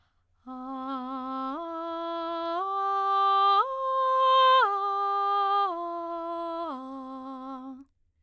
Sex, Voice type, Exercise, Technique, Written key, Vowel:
female, soprano, arpeggios, straight tone, , a